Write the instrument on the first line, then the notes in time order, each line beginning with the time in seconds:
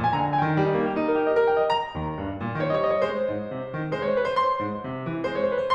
piano
0.00 A#2 G#5 A#5
0.06 G#5
0.12 A#5
0.16 D3 G#5
0.22 A#5
0.27 G5
0.31 G#5
0.41 D#3 G5
0.51 G3
0.62 D#4
0.74 A#3
0.85 G4
0.95 D#4
1.08 A#4
1.20 G4
1.32 D#5
1.43 A#4
1.52 G5
1.63 D#5
1.74 A#5
1.96 D#2
2.21 G2
2.41 A#2
2.55 D#3 C#5
2.60 D#5
2.65 C#5
2.69 D#5
2.74 G3 C#5
2.81 D#5
2.89 C5
2.96 C#5
3.03 G#3 C5
3.30 G#2
3.53 C3
3.72 D#3
3.91 G#3 C5
3.97 C#5
4.03 C5
4.09 C#5
4.13 C4 C5
4.18 C#5
4.24 B4
4.30 C5
4.34 C6
4.64 G#2
4.89 C3
5.09 D#3
5.29 G#3 C5
5.36 C#5
5.41 C5
5.47 C4 C5 C#5
5.56 C#5
5.62 B4
5.67 C5